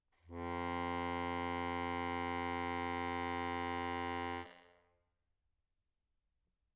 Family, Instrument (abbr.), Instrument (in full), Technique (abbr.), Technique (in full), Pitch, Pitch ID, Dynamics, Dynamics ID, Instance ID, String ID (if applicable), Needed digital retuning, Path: Keyboards, Acc, Accordion, ord, ordinario, F2, 41, mf, 2, 1, , FALSE, Keyboards/Accordion/ordinario/Acc-ord-F2-mf-alt1-N.wav